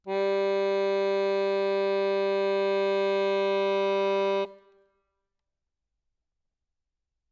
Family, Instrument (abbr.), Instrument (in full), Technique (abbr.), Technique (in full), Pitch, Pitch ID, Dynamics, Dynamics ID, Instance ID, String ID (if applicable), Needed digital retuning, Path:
Keyboards, Acc, Accordion, ord, ordinario, G3, 55, ff, 4, 1, , FALSE, Keyboards/Accordion/ordinario/Acc-ord-G3-ff-alt1-N.wav